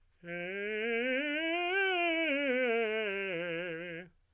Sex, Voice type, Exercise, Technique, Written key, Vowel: male, tenor, scales, fast/articulated piano, F major, e